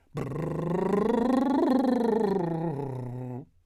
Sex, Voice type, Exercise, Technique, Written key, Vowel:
male, , scales, lip trill, , a